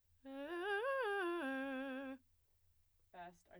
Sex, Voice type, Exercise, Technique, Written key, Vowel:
female, soprano, arpeggios, fast/articulated piano, C major, e